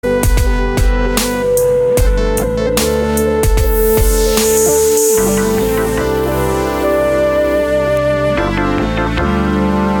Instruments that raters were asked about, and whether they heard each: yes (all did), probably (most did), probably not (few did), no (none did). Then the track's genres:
synthesizer: probably
Pop; Chill-out